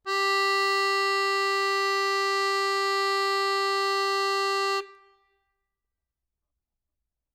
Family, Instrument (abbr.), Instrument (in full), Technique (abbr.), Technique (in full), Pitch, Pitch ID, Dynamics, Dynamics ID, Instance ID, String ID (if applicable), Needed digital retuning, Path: Keyboards, Acc, Accordion, ord, ordinario, G4, 67, ff, 4, 0, , FALSE, Keyboards/Accordion/ordinario/Acc-ord-G4-ff-N-N.wav